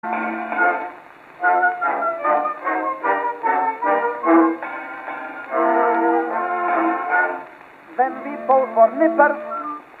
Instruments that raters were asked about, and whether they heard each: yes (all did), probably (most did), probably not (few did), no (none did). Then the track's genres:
trumpet: probably not
trombone: yes
Old-Time / Historic